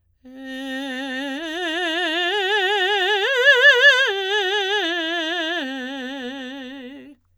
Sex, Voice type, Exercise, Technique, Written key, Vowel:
female, soprano, arpeggios, slow/legato forte, C major, e